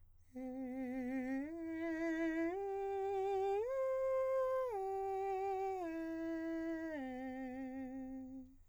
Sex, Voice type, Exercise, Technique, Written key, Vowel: male, countertenor, arpeggios, slow/legato piano, C major, e